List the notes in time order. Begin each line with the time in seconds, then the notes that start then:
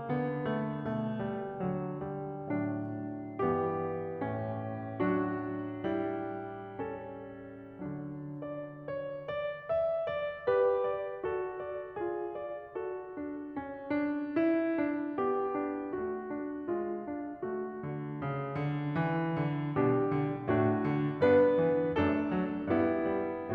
0.00 D3 B3
0.53 A3
0.87 B2 A3
1.23 G3
1.63 D3 F#3
1.99 G3
2.47 A2 F#3 D4
3.40 G2 E3 B3 G4
4.19 A2 C#4
5.07 F#3 D4 F#4
5.90 G3 E4
6.79 C#4 A4
7.84 D3 F#3 D4
8.49 D5
8.90 C#5
9.26 D5
9.67 E5
10.07 D5
10.46 G4 B4
10.84 D5
11.25 F#4 A4
11.66 D5
11.99 F4 G#4
12.34 D5
12.75 F#4 A4
13.19 D4
13.56 C#4
13.96 D4
14.41 E4
14.79 D4
15.21 B3 G4
15.65 D4
16.01 A3 F#4
16.34 D4
16.71 G#3 F4
17.14 D4
17.48 A3 F#4
17.89 D3
18.22 C#3
18.60 D3
18.97 E3
19.41 D3
19.75 B2 G3 D4 G4
20.15 D3
20.49 A2 A3 D4 F#4
20.90 D3
21.26 G2 B3 D4 B4
21.59 E3
21.98 F#2 A3 D4 A4
22.28 F#3
22.76 G2 B3 E4 G4
23.13 G3